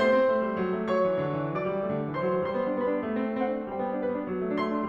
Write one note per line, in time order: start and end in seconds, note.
0.00 0.20 A3
0.00 0.91 C5
0.00 0.91 C6
0.20 0.36 C4
0.36 0.50 A3
0.50 0.64 G3
0.64 0.78 F#3
0.78 0.91 A3
0.92 1.06 F#3
0.92 1.57 C#5
0.92 1.57 C#6
1.06 1.21 E3
1.22 1.39 D3
1.40 1.57 E3
1.58 1.66 F#3
1.58 2.15 D5
1.58 2.15 D6
1.67 1.81 G3
1.82 1.96 A3
1.96 2.15 D3
2.15 2.30 E3
2.15 2.45 C5
2.15 2.45 C6
2.30 2.45 F#3
2.45 3.03 G3
2.45 2.77 C5
2.45 2.77 C6
2.55 2.69 B3
2.69 2.77 D4
2.79 2.87 B3
2.79 3.03 B4
2.79 3.03 B5
2.88 2.96 D4
2.96 3.03 B3
3.04 3.70 G3
3.13 3.26 C4
3.26 3.37 D4
3.39 3.51 C4
3.39 3.70 C5
3.39 3.70 F#5
3.51 3.59 D4
3.60 3.70 C4
3.72 4.28 G3
3.72 3.97 C5
3.72 4.28 G5
3.77 3.87 B3
3.88 3.97 D4
3.97 4.08 B3
3.97 4.28 B4
4.09 4.18 D4
4.19 4.28 B3
4.28 4.88 F#3
4.41 4.50 A3
4.50 4.60 D4
4.60 4.68 A3
4.60 4.88 C6
4.69 4.76 D4
4.76 4.88 A3